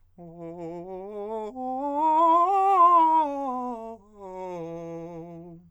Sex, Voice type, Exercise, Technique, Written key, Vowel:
male, countertenor, scales, fast/articulated forte, F major, o